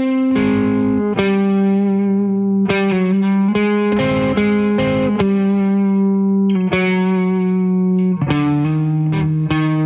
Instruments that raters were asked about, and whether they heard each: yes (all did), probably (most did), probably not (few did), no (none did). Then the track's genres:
guitar: yes
ukulele: no
saxophone: no
cello: no
Rock; Post-Rock; Post-Punk